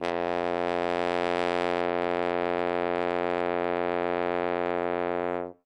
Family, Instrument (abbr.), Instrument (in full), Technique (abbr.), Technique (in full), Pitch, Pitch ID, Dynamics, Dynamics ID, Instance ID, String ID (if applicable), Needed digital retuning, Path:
Brass, Hn, French Horn, ord, ordinario, F2, 41, ff, 4, 0, , TRUE, Brass/Horn/ordinario/Hn-ord-F2-ff-N-T11u.wav